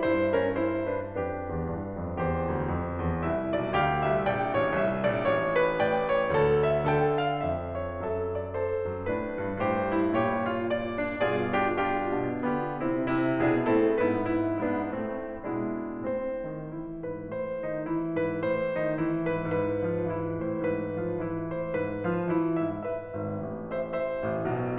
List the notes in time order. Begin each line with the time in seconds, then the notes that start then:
0.01 G2 E4 C5
0.34 C#4 A#4
0.51 E4 C5
0.89 D4 B4
1.11 F2 D4 G4 B4
1.50 E2
1.71 G2
1.98 F2
2.15 E2 G4 C5
2.55 D2
2.72 F2
2.99 E2
3.20 C2 E4 E5
3.54 B1 D5
3.73 D2 G4 F5
4.07 C2 E5
4.22 A#1 D5 G5
4.57 A1 C#5
4.75 C2 E5
5.10 A#1 D5
5.30 A1 C#5
5.61 B4
5.82 A2 D5 G5
6.17 C#5
6.29 D2 A4
6.68 E5
6.84 D3 A4 G5
7.23 F5
7.42 F2 E5
7.80 C#5
7.98 F2 A4 E5
8.34 D5
8.54 A4 C5
8.88 F#2
9.11 A2 D4 B4
9.46 G2
9.63 G2 A2 G4 C5
10.00 E4
10.20 A#2 G4 C#5
10.51 F4
10.65 D5
11.01 D4
11.23 G2 F4 G#4 D5
11.62 D4 F4 G4
11.81 D4 F4 G4
12.24 B2 D4
12.43 D3 B3 F4 G4
12.87 C3 C4 E4
13.07 C3 E4
13.46 B2 D4 E4 G#4
13.64 A2 C4 E4 A4
14.02 G#2 B3 E4 B4
14.22 E4
14.67 G#2 B3 D4 E4
14.98 A2 A3 C4
15.64 B2 G#3 D4 E4
15.99 A2 C4 C5
16.47 D#3 D#4
16.74 E3 E4
17.13 G#2 B4
17.36 A2 C5
17.72 D#3 D#4
17.90 E3 E4
18.30 G#2 B4
18.45 A2 C5
18.80 D#3 D#4
18.98 E3 E4
19.35 G#2 B4
19.53 G#2 B4
19.88 F3 F4
20.04 E3 E4
20.45 A2 C5
20.65 G#2 B4
20.97 F3 F4
21.16 E3 E4
21.55 A2 C5
21.74 G#2 B4
22.09 F3 F4
22.23 E3 E4
22.61 A2 E5
22.80 B4 E5
23.09 G#1 G#2
23.72 C5 E5
23.88 C5 E5
24.26 A1 A2
24.43 B1 B2